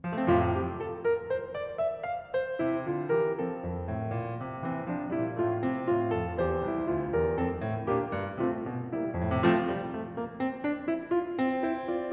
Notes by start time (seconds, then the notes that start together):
0.00 F3
0.10 A3
0.17 C4
0.26 F2 A2 C3 F3 F4
0.49 G4
0.77 A4
1.01 A#4
1.30 C5
1.52 D5
1.81 E5
2.10 F5
2.35 C5
2.61 C3 E4
2.87 D3 F4
3.15 E3 G4 A#4
3.39 F3 C4 A4
3.62 F2
3.89 A2
4.11 A#2
4.40 C3
4.61 E3 C4
4.78 F3 D4
5.06 A#2 G3 E4
5.39 A2 A3 F4
5.58 C3 C4
5.85 A2 F4
6.16 F2 A4
6.37 E2 G4 C5
6.66 C2 E4
6.88 D2 F4
7.12 E2 G4 A#4
7.36 F2 C4 A4
7.59 A2
7.89 A#2 A#3 D4 G4
8.07 G2
8.41 C3 A3 C4 F4
8.60 B2
8.90 C3 G3 A#3 E4
9.20 F2
9.29 A2
9.37 C3
9.45 F3 A3 C4 F4
9.73 G3
9.96 A3
10.16 A#3
10.41 C4
10.65 D4
10.89 E4
11.12 F4
11.32 C4
11.70 E4 C5
11.94 F4 D5